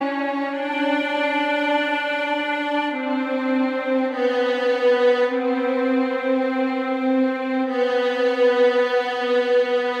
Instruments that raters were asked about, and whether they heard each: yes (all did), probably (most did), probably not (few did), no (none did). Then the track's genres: banjo: no
cymbals: no
ukulele: no
violin: yes
cello: probably not
Noise; Industrial; Ambient